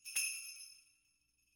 <region> pitch_keycenter=62 lokey=62 hikey=62 volume=15.000000 offset=1856 ampeg_attack=0.004000 ampeg_release=1.000000 sample=Idiophones/Struck Idiophones/Sleigh Bells/sleighbell2_hit_loud.wav